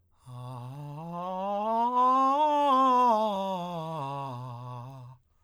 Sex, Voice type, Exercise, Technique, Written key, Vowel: male, tenor, scales, breathy, , a